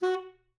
<region> pitch_keycenter=66 lokey=66 hikey=67 tune=3 volume=15.761636 offset=398 lovel=84 hivel=127 ampeg_attack=0.004000 ampeg_release=1.500000 sample=Aerophones/Reed Aerophones/Tenor Saxophone/Staccato/Tenor_Staccato_Main_F#3_vl2_rr6.wav